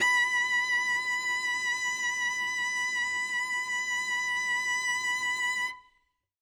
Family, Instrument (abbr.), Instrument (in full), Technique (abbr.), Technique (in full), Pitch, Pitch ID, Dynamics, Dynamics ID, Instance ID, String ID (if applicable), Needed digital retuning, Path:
Strings, Vc, Cello, ord, ordinario, B5, 83, ff, 4, 0, 1, FALSE, Strings/Violoncello/ordinario/Vc-ord-B5-ff-1c-N.wav